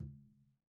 <region> pitch_keycenter=65 lokey=65 hikey=65 volume=26.496386 lovel=0 hivel=54 seq_position=2 seq_length=2 ampeg_attack=0.004000 ampeg_release=15.000000 sample=Membranophones/Struck Membranophones/Conga/Tumba_HitN_v1_rr2_Sum.wav